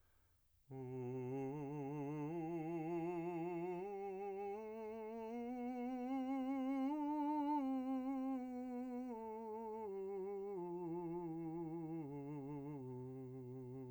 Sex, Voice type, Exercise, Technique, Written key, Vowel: male, , scales, slow/legato piano, C major, u